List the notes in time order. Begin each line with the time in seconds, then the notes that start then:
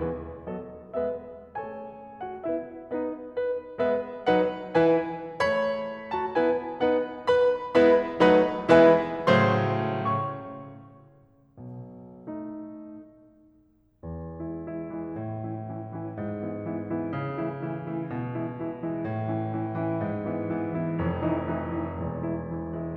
0.00 E3 B3 G#4 B4
0.48 F#3 B3 A4 D#5
0.93 G#3 B3 B4 E5
1.58 A3 C#4 F#4 A4 C#5 G#5
2.18 F#5
2.41 B3 G#4 B4 E5
2.83 B3 F#4 B4 D#5
3.31 B4
3.81 G#3 B3 B4 E5
4.30 F#3 D#4 B4 F#5
4.82 E3 E4 B4 G#5
5.43 A3 G#4 C#5 B5
6.14 F#4 A5
6.37 B3 E4 B4 G#5
6.80 B3 D#4 B4 F#5
7.26 B4 B5
7.70 G#3 B3 E4 B4 E5 B5
8.15 F#3 A3 D#4 B4 D#5 F#5 B5
8.67 E3 G#3 B3 E4 B4 E5 G#5 B5
9.28 A2 C#3 F#3 A3 C5 C6
10.07 C#5 C#6
11.59 B1 B2
12.26 A3 D#4
14.06 E2
14.40 E3 G#3 E4
14.65 E3 G#3 E4
14.86 E3 G#3 E4
15.15 A2
15.42 E3 C#4 E4
15.65 E3 C#4 E4
15.87 E3 C#4 E4
16.13 G#2
16.37 E3 B3 E4
16.66 E3 B3 E4
16.90 E3 B3 E4
17.14 C#3
17.39 E3 A3 E4
17.61 E3 A3 E4
17.86 E3 A3 E4
18.08 B2
18.38 E3 G#3 E4
18.68 E3 G#3 E4
18.94 E3 G#3 E4
19.17 A2
19.38 E3 C#4 E4
19.59 E3 C#4 E4
19.80 E3 C#4 E4
20.03 G#2
20.25 E3 B3 E4
20.49 E3 B3 E4
20.74 E3 B3 E4
21.03 F1 F2
21.29 E3 A3 D#4 E4
21.58 E3 A3 D#4 E4
21.78 E3 A3 D#4 E4
22.02 E1 E2
22.27 E3 G#3 E4
22.49 E3 G#3 E4
22.74 E3 G#3 E4